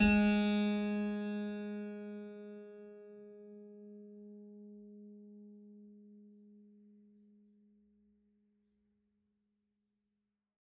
<region> pitch_keycenter=56 lokey=56 hikey=57 volume=-2 trigger=attack ampeg_attack=0.004000 ampeg_release=0.400000 amp_veltrack=0 sample=Chordophones/Zithers/Harpsichord, French/Sustains/Harpsi2_Normal_G#2_rr1_Main.wav